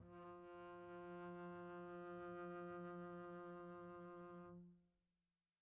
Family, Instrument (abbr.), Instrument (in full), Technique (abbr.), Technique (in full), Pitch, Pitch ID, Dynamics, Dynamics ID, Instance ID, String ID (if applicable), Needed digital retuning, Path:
Strings, Cb, Contrabass, ord, ordinario, F3, 53, pp, 0, 0, 1, FALSE, Strings/Contrabass/ordinario/Cb-ord-F3-pp-1c-N.wav